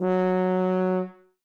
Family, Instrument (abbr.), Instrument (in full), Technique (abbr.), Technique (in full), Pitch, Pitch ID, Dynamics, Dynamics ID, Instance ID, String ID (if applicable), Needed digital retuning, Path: Brass, BTb, Bass Tuba, ord, ordinario, F#3, 54, ff, 4, 0, , FALSE, Brass/Bass_Tuba/ordinario/BTb-ord-F#3-ff-N-N.wav